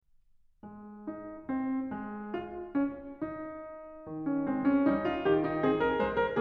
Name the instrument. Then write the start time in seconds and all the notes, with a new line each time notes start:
piano
0.64 G#3
1.06 D#4
1.50 C4
1.96 G#3
2.32 F4
2.74 C#4
3.18 D#4
4.07 D#3
4.25 C#4
4.46 G#3 C4
4.65 C#4
4.88 G3 D#4
5.05 F4
5.25 D#3 G4
5.44 D#4
5.62 C4 G#4
5.79 A#4
6.02 G#3 C5
6.18 A#4